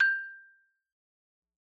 <region> pitch_keycenter=79 lokey=76 hikey=81 volume=1.225775 lovel=84 hivel=127 ampeg_attack=0.004000 ampeg_release=15.000000 sample=Idiophones/Struck Idiophones/Xylophone/Soft Mallets/Xylo_Soft_G5_ff_01_far.wav